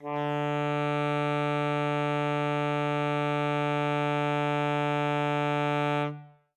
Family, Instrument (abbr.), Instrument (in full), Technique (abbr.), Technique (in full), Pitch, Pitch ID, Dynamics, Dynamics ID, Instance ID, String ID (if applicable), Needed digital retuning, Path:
Winds, ASax, Alto Saxophone, ord, ordinario, D3, 50, ff, 4, 0, , FALSE, Winds/Sax_Alto/ordinario/ASax-ord-D3-ff-N-N.wav